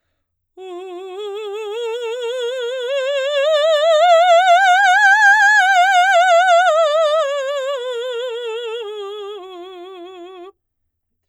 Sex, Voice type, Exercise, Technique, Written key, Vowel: female, soprano, scales, slow/legato forte, F major, u